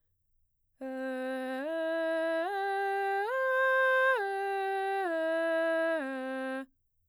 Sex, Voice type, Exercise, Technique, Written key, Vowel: female, mezzo-soprano, arpeggios, straight tone, , e